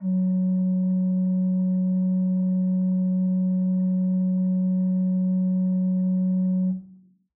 <region> pitch_keycenter=42 lokey=42 hikey=43 offset=126 ampeg_attack=0.004000 ampeg_release=0.300000 amp_veltrack=0 sample=Aerophones/Edge-blown Aerophones/Renaissance Organ/4'/RenOrgan_4foot_Room_F#1_rr1.wav